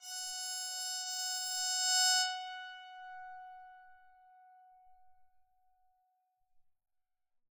<region> pitch_keycenter=78 lokey=78 hikey=79 tune=-1 volume=18.338478 offset=392 ampeg_attack=0.004000 ampeg_release=2.000000 sample=Chordophones/Zithers/Psaltery, Bowed and Plucked/LongBow/BowedPsaltery_F#4_Main_LongBow_rr1.wav